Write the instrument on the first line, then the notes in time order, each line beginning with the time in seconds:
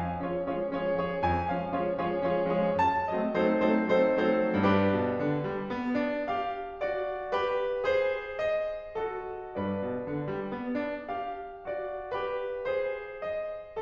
piano
0.01 F3 G#3 C#4 F5
0.23 F3 G#3 C#4 F4 G#4 C#5
0.49 F3 G#3 C#4 F4 G#4 C#5
0.71 F3 G#3 C#4 F4 G#4 C#5
0.96 F3 G#3 C#4 F4 G#4 C#5
1.17 F2 G#5
1.50 F3 G#3 C#4 F5
1.77 F3 G#3 C#4 F4 G#4 C#5
2.01 F3 G#3 C#4 F4 G#4 C#5
2.20 F3 G#3 C#4 F4 G#4 C#5
2.43 F3 G#3 C#4 F4 G#4 C#5
2.80 F#2 A5
3.11 F#3 A3 C4 D#5
3.31 F#3 A3 C4 D#4 A4 C5
3.64 F#3 A3 C4 D#4 A4 C5
3.95 F#3 A3 C4 D#4 A4 C5
4.34 F#3 A3 C4 D#4 A4 C5
4.63 G2 D4 G4 B4
4.94 B2
5.18 D3
5.45 G3
5.75 B3
6.00 D4
6.29 G4 F5
6.79 F#4 D5
7.33 G4 B4
7.89 G#4 C5
8.40 D#5
8.99 F#4 A4
9.56 G2 B4 D5
9.84 B2
10.05 D3
10.33 G3
10.59 B3
10.81 D4
11.09 G4 F5
11.66 F#4 D5
12.12 G4 B4
12.72 G#4 C5
13.25 D#5